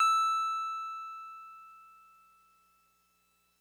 <region> pitch_keycenter=88 lokey=87 hikey=90 volume=11.961302 lovel=66 hivel=99 ampeg_attack=0.004000 ampeg_release=0.100000 sample=Electrophones/TX81Z/Piano 1/Piano 1_E5_vl2.wav